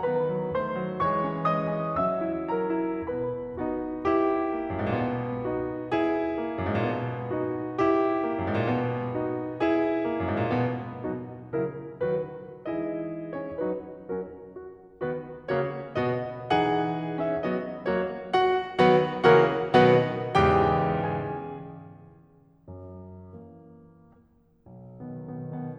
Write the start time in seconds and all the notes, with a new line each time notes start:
0.00 D#3 B3 B4 B5
0.27 F#3
0.52 D#3 A3 C5 C6
0.77 F#3
1.04 E3 G#3 C#5 C#6
1.36 C#4
1.59 E3 G#3 D#5 D#6
1.81 C#4
2.00 F#3 C#4 E5 E6
2.23 E4
2.51 F#3 C#4 A#4 A#5
2.75 E4
3.09 B2 B3 B4 B5
3.59 B3 D#4 F#4
4.06 E4 G4
4.55 A#3
4.78 F#2
4.85 G#2
4.92 A#2
5.00 B2
5.43 B3 D#4 F#4
5.93 E4 G#4
6.42 A#3
6.59 F#2
6.68 G#2
6.77 A#2
6.83 B2
7.36 B3 D#4 F#4
7.80 E4 G4
8.24 A#3
8.44 F#2
8.51 G#2
8.58 A#2
8.64 B2
9.20 B3 D#4 F#4
9.60 E4 G#4
10.01 A#3
10.23 F#2
10.33 G#2
10.40 A#2
10.54 B2 B3
11.10 B2 F#3 D#4 F#4
11.55 C#3 F#3 E4 A#4
12.03 D#3 F#3 F#4 B4
12.68 E3 G#3 C#4 E4 G#4 D#5
13.35 C#5
13.57 F#3 C#4 F#4 B4
14.13 F#3 C#4 F#4 A#4
14.57 F#4
15.02 D#3 B3 F#4 B4
15.50 C#3 A#3 F#4 C#5
15.99 B2 B3 F#4 D#5
16.50 E3 D#4 G#4 F#5
17.21 C#4 E5
17.41 F#3 B3 F#4 D#5
17.86 F#3 A#3 F#4 C#5
18.34 F#4 F#5
18.83 D#3 F#3 B3 F#4 B4 F#5
19.33 C#3 E3 A#3 F#4 A#4 C#5 F#5
19.81 B2 D#3 B3 F#4 B4 D#5 F#5
20.38 E2 G#2 C#3 E3 G4 G5
21.16 G#4 G#5
22.67 F#2
23.32 E3 A#3
24.71 B1
25.00 B2 D#3 B3
25.27 B2 D#3 B3
25.57 B2 D#3 B3